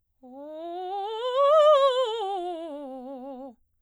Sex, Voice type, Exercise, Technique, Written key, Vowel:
female, soprano, scales, fast/articulated piano, C major, o